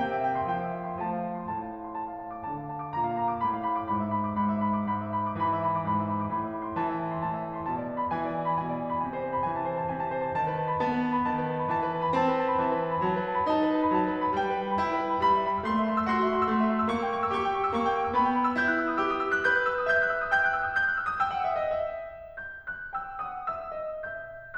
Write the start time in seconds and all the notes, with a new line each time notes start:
0.00 C3 A#3 G5
0.17 E5
0.28 G5
0.38 C6
0.50 F3 G5
0.65 E5
0.74 G5
0.86 C6
1.00 F3 A3 A5
1.16 F5
1.27 A5
1.36 C6
1.49 A2 A5
1.63 F5
1.72 A5
1.80 C6
1.89 A5
2.03 F5
2.12 A5
2.33 D6
2.45 D3 A5
2.57 F5
2.73 A5
2.82 D6
2.98 A#2 A#5
3.11 F5
3.20 A#5
3.31 D6
3.42 A2 B5
3.55 F#5
3.65 B5
3.76 D6
3.89 G#2 B5
3.98 E5
4.09 B5
4.25 D6
4.35 G#2 B5
4.57 E5
4.67 B5
4.78 D6
4.89 G#2 B5
5.06 E5
5.17 B5
5.29 D6
5.39 E3 B5
5.54 E5
5.65 B5
5.79 D6
5.89 G#2 B5
6.03 E5
6.13 B5
6.23 D6
6.34 A2 B5
6.44 E5
6.56 B5
6.70 C6
6.79 E3 A5
6.95 E5
7.07 A5
7.15 C6
7.24 A2 A5
7.34 E5
7.52 A5
7.64 C6
7.73 B2 A5
7.85 D5
7.95 A5
8.03 B5
8.13 E3 G#5
8.23 D5
8.34 G#5
8.48 B5
8.59 B2 G#5
8.71 D5
8.80 G#5
8.93 B5
9.06 C3 G#5
9.16 D5
9.25 G#5
9.35 B5
9.43 E3 G#5
9.59 A5
9.68 C5
9.83 A5
9.96 C3 G#5
10.05 A5
10.16 C5
10.36 D#3 A5
10.47 B4
10.57 A5
10.69 B5
10.81 B3 A5
10.92 B4
11.02 A5
11.12 B5
11.22 D#3 A5
11.31 B4
11.46 A5
11.55 B5
11.68 E3 A5
11.80 B4
11.94 A5
12.03 B5
12.14 C4 A5
12.25 B4
12.35 A5
12.48 B5
12.64 E3 A5
12.75 B4
12.86 A5
12.96 B5
13.04 F#3 A5
13.13 B4
13.27 A5
13.37 B5
13.49 D#4 A5
13.61 B4
13.71 A5
13.82 B5
13.93 F#3 A5
14.05 B4
14.18 A5
14.27 B5
14.35 G3 G5
14.45 B4
14.57 G5
14.69 B5
14.84 E4 G5
14.95 B4
15.05 G5
15.27 G3 B5
15.37 E5
15.46 B5
15.59 E6
15.67 A3 C6
15.77 E5
15.88 C6
15.98 E6
16.07 F#4 C6
16.17 E5
16.27 C6
16.37 E6
16.49 A3 C6
16.63 E5
16.73 C6
16.85 E6
16.95 A#3 C#6
17.04 G5
17.11 C#6
17.24 E6
17.36 G4 C#6
17.44 G5
17.53 C#6
17.66 E6
17.77 A#3 C#6
17.89 G5
17.98 C#6
18.07 E6
18.16 B3 B5
18.27 G5
18.37 B5
18.46 E6
18.55 E4 G6
18.68 F#6
18.78 E6
18.89 D#6
19.03 G4 E6
19.14 D#6
19.25 E6
19.33 F#6
19.45 B4 G6
19.55 F#6
19.66 E6
19.77 D#6
19.86 E5 G6
20.11 F#6
20.21 E6
20.34 D#6
20.45 G5 G6
20.56 F#6
20.71 E6
20.81 D#6
20.90 G6
20.98 F#6
21.04 E6
21.12 D#6
21.23 G5 E6
21.36 F#5
21.48 E5
21.64 D#5
21.75 E5
22.42 G6
22.69 F#6
22.91 G5 E6
23.21 F#5 D#6
23.46 E5 E6
23.78 D#5
24.10 E5 G6